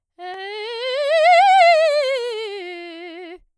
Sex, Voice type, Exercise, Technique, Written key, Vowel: female, soprano, scales, fast/articulated forte, F major, e